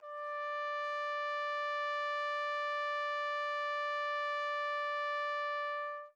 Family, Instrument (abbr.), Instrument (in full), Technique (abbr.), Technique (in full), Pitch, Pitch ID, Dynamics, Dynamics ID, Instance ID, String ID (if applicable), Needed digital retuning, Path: Brass, TpC, Trumpet in C, ord, ordinario, D5, 74, mf, 2, 0, , TRUE, Brass/Trumpet_C/ordinario/TpC-ord-D5-mf-N-T14u.wav